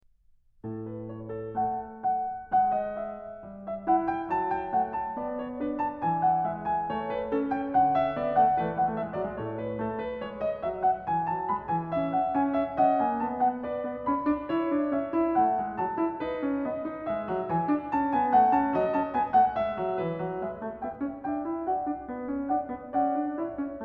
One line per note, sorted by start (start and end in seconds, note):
0.03 1.52 A2
0.03 0.80 A4
0.80 1.09 B4
1.09 1.30 C#5
1.30 1.52 A4
1.52 2.54 A3
1.52 2.00 F#5
2.00 2.54 F#5
2.54 3.45 G#3
2.54 2.76 E5
2.76 2.96 D#5
2.96 3.45 E5
3.45 4.27 G3
3.71 3.89 E5
3.89 4.76 E4
3.89 4.11 F#5
4.11 4.27 G5
4.27 5.15 F#3
4.27 4.53 A5
4.53 4.76 G5
4.76 5.15 A3
4.76 4.95 F#5
4.95 5.15 A5
5.15 6.04 B3
5.15 5.36 D5
5.36 5.56 C#5
5.56 6.52 D4
5.56 5.82 B4
5.82 6.04 A5
6.04 6.93 E3
6.04 6.25 G#5
6.25 6.52 F#5
6.52 6.93 G#3
6.52 6.74 E5
6.74 6.93 G#5
6.93 7.73 A3
6.93 7.13 C#5
7.13 7.34 B4
7.34 8.16 C#4
7.34 7.55 A4
7.55 7.73 G5
7.73 8.63 D3
7.73 7.93 F#5
7.93 8.16 E5
8.16 8.37 B3
8.16 8.37 D5
8.37 8.56 A3
8.37 8.61 F#5
8.61 9.39 E3
8.61 8.71 A3
8.61 8.81 B4
8.71 8.79 G#3
8.79 8.90 G#3
8.79 8.82 A3
8.79 9.00 F#5
8.90 8.97 A3
8.97 9.16 G#3
8.97 9.17 E5
9.17 9.39 G#3
9.17 9.37 D5
9.37 9.80 A2
9.37 9.80 A3
9.37 9.57 C#5
9.57 9.80 B4
9.80 10.24 A3
9.80 9.98 A4
9.98 10.20 B4
10.20 10.67 G#3
10.20 10.46 C#5
10.46 10.66 D#5
10.66 11.08 F#3
10.66 10.85 E5
10.85 11.05 F#5
11.05 11.30 E3
11.05 11.26 G#5
11.26 11.49 F#3
11.26 11.47 A5
11.47 11.75 G#3
11.47 11.71 B5
11.71 11.98 E3
11.71 11.92 G#5
11.98 12.39 C#4
12.15 12.35 F#5
12.35 12.83 C#4
12.35 12.56 G#5
12.56 12.79 E5
12.79 13.03 C#4
12.79 13.65 D#5
12.79 13.00 F#5
13.00 13.25 A#3
13.00 13.21 G#5
13.21 13.70 B3
13.21 13.40 A5
13.40 13.65 F#5
13.65 14.05 B4
13.65 14.45 D5
13.90 14.08 B3
14.05 14.26 C#4
14.05 14.91 B5
14.26 14.50 D4
14.45 15.34 C#5
14.50 14.72 E4
14.72 14.94 D4
14.91 15.16 C#4
14.91 15.34 E5
15.16 15.37 E4
15.34 15.61 A3
15.34 16.21 F#5
15.61 15.80 G#3
15.78 16.01 F#3
15.78 16.65 A5
16.01 16.23 E4
16.21 16.47 D#4
16.21 17.07 B4
16.47 16.67 C#4
16.65 16.87 B3
16.65 17.07 D#5
16.87 17.10 D#4
17.07 17.27 G#3
17.07 18.75 E5
17.27 17.47 F#3
17.43 17.94 G#5
17.47 17.69 E3
17.69 17.97 D4
17.94 18.13 C#4
17.94 18.12 A5
18.12 18.38 B3
18.12 18.34 G#5
18.34 18.58 A3
18.34 18.55 F#5
18.55 18.78 C#4
18.55 18.75 A5
18.75 18.97 F#3
18.75 19.55 D#5
18.95 19.17 C#4
18.95 19.14 A5
19.14 19.35 B3
19.14 19.34 G#5
19.34 19.59 A3
19.34 19.55 F#5
19.55 19.79 G#3
19.55 20.36 E5
19.79 20.01 F#3
19.99 20.18 E3
19.99 20.36 B4
20.18 20.39 F#3
20.36 20.58 G#3
20.36 20.76 E5
20.58 20.79 A3
20.76 20.98 B3
20.76 21.16 E5
20.76 21.16 G5
20.98 21.19 C#4
21.16 21.45 D4
21.16 21.65 E5
21.16 21.65 G5
21.45 21.69 E4
21.65 21.87 F#4
21.65 22.05 D5
21.65 22.05 F#5
21.87 22.07 D4
22.07 22.26 B3
22.26 22.52 C#4
22.49 22.70 D4
22.49 22.93 D5
22.49 22.93 F#5
22.70 22.98 B3
22.93 23.37 D5
22.93 23.37 F#5
22.98 23.17 C#4
23.17 23.40 D4
23.37 23.64 E4
23.37 23.81 C#5
23.37 23.81 E5
23.64 23.85 C#4